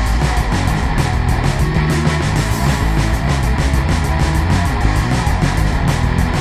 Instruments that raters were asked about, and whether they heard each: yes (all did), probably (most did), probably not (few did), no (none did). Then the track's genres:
saxophone: no
banjo: no
bass: probably
Rock; Noise; Experimental